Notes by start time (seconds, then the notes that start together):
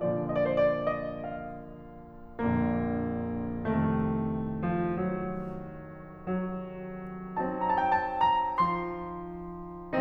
0.01 A#2 D3 F3 D5
0.60 D5 D#5
0.67 C5
0.71 D5
0.86 D#5
1.05 F5
2.26 A#1 A#2 D3 A#3
3.54 C2 F2 C3 D#3 A3
4.72 F3
4.92 F#3
6.14 F#3
7.39 F#3 C4 D#4 A5
8.17 A#5
8.23 G5 A5
8.30 A5
8.47 A#5
8.63 F3 C6